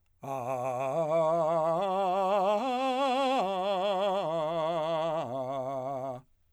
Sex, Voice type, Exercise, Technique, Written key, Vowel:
male, , arpeggios, slow/legato forte, C major, a